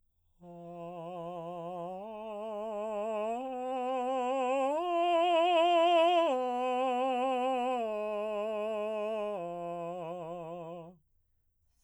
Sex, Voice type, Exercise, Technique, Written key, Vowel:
male, baritone, arpeggios, slow/legato piano, F major, a